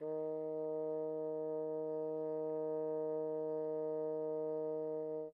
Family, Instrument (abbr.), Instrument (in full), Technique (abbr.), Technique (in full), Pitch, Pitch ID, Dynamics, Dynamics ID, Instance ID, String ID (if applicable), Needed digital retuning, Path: Winds, Bn, Bassoon, ord, ordinario, D#3, 51, pp, 0, 0, , FALSE, Winds/Bassoon/ordinario/Bn-ord-D#3-pp-N-N.wav